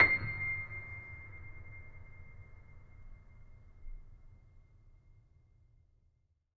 <region> pitch_keycenter=96 lokey=96 hikey=97 volume=-0.586320 lovel=0 hivel=65 locc64=65 hicc64=127 ampeg_attack=0.004000 ampeg_release=0.400000 sample=Chordophones/Zithers/Grand Piano, Steinway B/Sus/Piano_Sus_Close_C7_vl2_rr1.wav